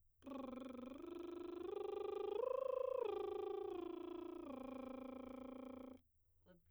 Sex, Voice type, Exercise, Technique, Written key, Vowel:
female, soprano, arpeggios, lip trill, , e